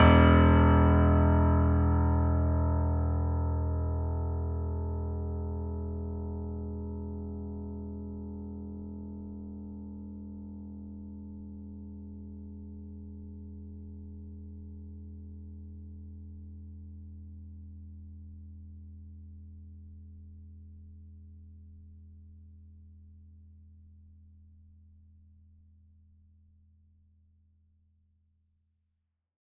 <region> pitch_keycenter=28 lokey=28 hikey=29 volume=-0.337922 lovel=100 hivel=127 locc64=0 hicc64=64 ampeg_attack=0.004000 ampeg_release=0.400000 sample=Chordophones/Zithers/Grand Piano, Steinway B/NoSus/Piano_NoSus_Close_E1_vl4_rr1.wav